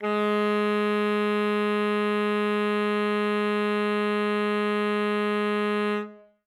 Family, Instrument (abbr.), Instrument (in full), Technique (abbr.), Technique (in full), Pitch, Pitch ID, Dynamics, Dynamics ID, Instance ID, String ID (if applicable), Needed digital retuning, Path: Winds, ASax, Alto Saxophone, ord, ordinario, G#3, 56, ff, 4, 0, , FALSE, Winds/Sax_Alto/ordinario/ASax-ord-G#3-ff-N-N.wav